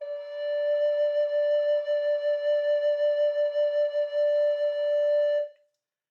<region> pitch_keycenter=74 lokey=74 hikey=75 tune=-2 volume=6.541167 offset=277 ampeg_attack=0.004000 ampeg_release=0.300000 sample=Aerophones/Edge-blown Aerophones/Baroque Tenor Recorder/SusVib/TenRecorder_SusVib_D4_rr1_Main.wav